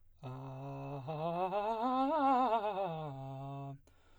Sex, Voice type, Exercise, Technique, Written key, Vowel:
male, baritone, scales, fast/articulated piano, C major, a